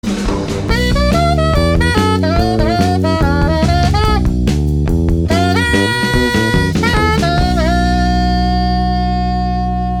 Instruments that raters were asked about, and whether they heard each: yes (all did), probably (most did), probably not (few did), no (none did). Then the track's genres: saxophone: yes
Rock; Post-Rock; Post-Punk